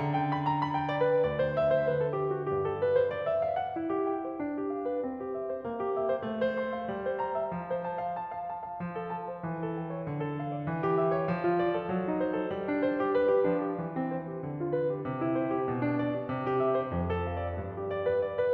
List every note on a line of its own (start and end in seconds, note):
0.00 1.16 D3
0.15 0.30 G5
0.31 0.48 B5
0.49 0.60 A#5
0.60 0.73 B5
0.73 0.86 G5
0.87 0.99 D5
1.00 1.16 B4
1.16 1.86 D2
1.16 1.34 D5
1.34 1.56 C5
1.57 1.70 E5
1.71 1.86 C5
1.86 2.45 D3
1.86 2.01 B4
2.01 2.17 A4
2.19 2.31 G4
2.32 2.45 F#4
2.45 3.76 G2
2.45 2.65 G4
2.65 2.80 A4
2.81 2.97 B4
2.98 3.13 C5
3.13 3.29 D5
3.30 3.42 E5
3.44 3.58 F5
3.58 3.76 F#5
3.76 4.39 E4
3.91 4.10 G4
4.10 4.25 G5
4.25 4.39 C5
4.40 5.04 D4
4.56 4.75 G4
4.75 4.88 F5
4.88 5.04 B4
5.05 5.61 C4
5.20 5.32 G4
5.32 5.46 E5
5.46 5.61 C5
5.62 6.28 A#3
5.82 5.99 G4
5.99 6.13 E5
6.14 6.28 C5
6.29 6.90 A3
6.42 6.58 C5
6.58 6.73 C6
6.75 6.90 F5
6.91 7.52 G3
7.05 7.17 C5
7.17 7.35 A#5
7.36 7.52 E5
7.53 8.81 F3
7.76 7.86 C5
7.86 7.99 A5
8.00 8.16 F5
8.17 8.37 A5
8.37 8.53 F5
8.53 8.68 A5
8.70 8.81 F5
8.82 9.43 F3
8.95 9.10 A4
9.10 9.24 A5
9.25 9.43 C5
9.44 10.01 E3
9.56 9.71 A4
9.71 9.86 G5
9.87 10.01 C#5
10.02 10.67 D3
10.18 10.37 A4
10.37 10.51 F5
10.52 10.67 D5
10.68 11.31 E3
10.82 10.99 G4
10.99 11.16 E5
11.17 11.31 C#5
11.32 11.91 F3
11.46 11.60 F4
11.60 11.74 D5
11.75 11.91 A4
11.92 12.54 F#3
12.09 12.23 D#4
12.23 12.34 C5
12.35 12.54 A4
12.55 13.47 G3
12.70 12.84 D4
12.84 12.99 C5
13.00 13.13 G4
13.14 13.28 B4
13.28 13.47 G4
13.48 13.78 F3
13.48 13.61 D4
13.62 13.78 G4
13.79 14.42 E3
13.97 14.12 C4
14.13 14.28 C5
14.29 14.42 G4
14.43 15.07 D3
14.58 14.71 F4
14.72 14.87 B4
14.88 15.07 G4
15.08 15.62 C3
15.21 15.36 E4
15.37 15.49 C5
15.50 15.62 G4
15.62 16.34 B2
15.79 15.99 D4
16.00 16.17 D5
16.18 16.34 G4
16.34 16.92 C3
16.51 16.59 G4
16.60 16.73 E5
16.74 16.92 C5
16.92 17.60 F2
17.16 17.30 A4
17.30 17.44 F5
17.45 17.60 D5
17.60 18.53 G2
17.76 17.89 G4
17.90 18.02 D5
18.03 18.22 B4
18.22 18.40 D5
18.40 18.53 B4